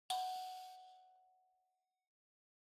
<region> pitch_keycenter=78 lokey=78 hikey=79 tune=-11 volume=16.562377 offset=4641 ampeg_attack=0.004000 ampeg_release=30.000000 sample=Idiophones/Plucked Idiophones/Mbira dzaVadzimu Nyamaropa, Zimbabwe, Low B/MBira4_pluck_Main_F#4_20_50_100_rr3.wav